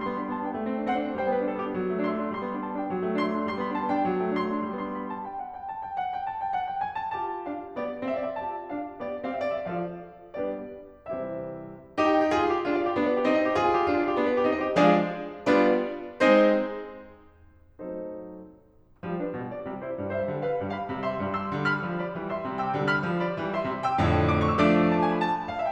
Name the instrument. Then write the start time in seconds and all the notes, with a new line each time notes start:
piano
0.00 G3 C6
0.10 B3
0.15 B5
0.20 D4
0.29 B3 A5
0.41 D4
0.46 G5
0.52 B3
0.63 G3
0.72 C4
0.81 D4
0.91 C4 C5 F#5
1.00 D4
1.09 C4
1.18 G3 C5 G5
1.29 B3
1.34 B4
1.39 D4
1.49 B3 A4
1.58 D4
1.63 B3 G4
1.75 F#3
1.85 A3
1.94 D4
2.07 A3 C6
2.16 D4
2.24 A3
2.35 G3 C6
2.40 B3
2.46 B5
2.51 D4
2.60 B3 A5
2.72 D4
2.76 G5
2.82 B3
2.93 F#3
3.03 A3
3.11 D4
3.19 A3 C6
3.30 D4
3.38 A3
3.47 G3 C6
3.58 B3
3.65 B5
3.69 D4
3.80 B3 A5
3.88 D4
3.94 B3 G5
4.06 F#3
4.17 A3
4.27 D4
4.38 A3 C6
4.50 D4
4.63 A3
4.75 G3 B3 D4 C6
4.92 B5
5.11 A5
5.28 G5
5.43 F#5
5.58 G5
5.71 A5
5.85 G5
5.97 F#5
6.11 G5
6.27 A5
6.43 G5
6.54 F#5
6.69 G5
6.83 G#5
6.98 A5
7.13 F4 G4 A5
7.47 D4 F5
7.79 B3 G4 D5
8.09 C4 G4 F5
8.19 E5
8.27 D5
8.35 E5
8.44 F4 G4 A5
8.71 D4 F5
8.99 B3 G4 D5
9.26 C4 G4 F5
9.37 E5
9.46 D5
9.59 E5
9.68 F3 F4 A4 D5 F5
10.36 G3 B3 D4 G4 B4 D5
10.99 C3 E3 G3 C4 E4 G4 C5 E5
12.04 E4 G4
12.13 G5
12.23 E5
12.32 G4
12.39 F4 G#4
12.45 G#5
12.50 F5
12.57 G4
12.64 D4 F4
12.71 F5
12.78 D5
12.88 G4
12.98 B3 D4
13.05 D5
13.12 B4
13.19 G4
13.27 C4 D#4
13.34 D#5
13.41 C5
13.48 G4
13.55 F4 G#4
13.61 G#5
13.68 F5
13.77 G4
13.83 D4 F4
13.94 F5
13.99 D5
14.07 G4
14.15 B3 D4
14.22 D5
14.29 B4
14.35 G4
14.44 C4 D#4
14.51 D#5
14.57 C5
14.66 G4
14.77 F3 G#3 D4 G#4 D5 F5
15.48 G3 B3 D4 F4 B4 D5
16.21 G#3 C4 D#4 G#4 C5
17.71 F#3 A3 C4 D#4 A4 C5
19.03 F3 G3
19.19 D4 B4
19.35 B2 G3
19.50 F4 D5
19.67 C3 G3
19.81 E4 C5
19.99 G2 G3
20.14 C5 E5
20.26 D3 G3
20.42 B4 F5
20.61 G2 G3
20.77 F5 B5
20.91 C3 G3
21.05 E5 C6
21.20 G2 G3
21.37 C6 E6
21.57 D3 G3
21.72 B5 F6
21.84 F3 G3
22.00 D5 B5
22.14 E3 G3
22.26 E5 C6
22.42 C3 G3
22.58 G5 E6
22.73 D3 G3
22.88 F5 F6
23.03 F3 G3
23.21 D5 B5
23.38 E3 G3
23.56 E5 C6
23.71 C3 G3
23.87 G5 E6
24.06 F2 A2 D3
24.40 D6
24.53 C#6
24.62 E6
24.72 F3 A3 D4 D6
25.03 A5
25.12 G#5
25.22 B5
25.26 A5
25.55 F5
25.63 E5